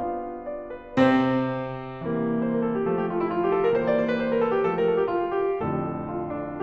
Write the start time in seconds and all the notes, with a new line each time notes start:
0.00 G3 B3 D4 F4 F5
0.49 D5
0.73 B4
0.99 C3 C4 C5
2.07 E3 G3 A#3
2.48 C5
2.59 A#4
2.68 A4
2.77 G4
2.94 F3 A3 A4
3.03 G4
3.11 F4
3.22 E4
3.34 F4
3.46 G4
3.54 A4
3.65 A#4
3.75 E3 G3 A#3 C5
3.85 D5
3.98 C5
4.09 B4
4.21 C5
4.32 A#4
4.44 A4
4.54 G4
4.64 F3 A3 A4
4.73 A#4
4.88 A4
5.00 G4
5.10 F4
5.21 E4
5.29 F4
5.48 G4
5.60 F2 A2 D3 F3 A3 A4
6.05 F4
6.33 D4